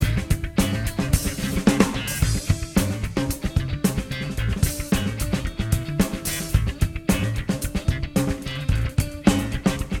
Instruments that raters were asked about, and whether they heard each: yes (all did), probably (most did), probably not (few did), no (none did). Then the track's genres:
cymbals: probably
accordion: no
Post-Punk; Hardcore